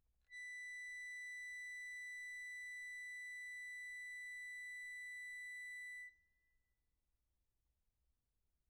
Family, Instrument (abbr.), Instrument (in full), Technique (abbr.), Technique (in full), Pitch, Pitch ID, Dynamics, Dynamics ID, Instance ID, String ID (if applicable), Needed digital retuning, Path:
Keyboards, Acc, Accordion, ord, ordinario, B6, 95, pp, 0, 1, , FALSE, Keyboards/Accordion/ordinario/Acc-ord-B6-pp-alt1-N.wav